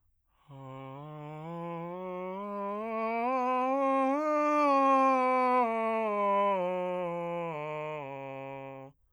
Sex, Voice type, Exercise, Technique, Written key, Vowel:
male, bass, scales, breathy, , a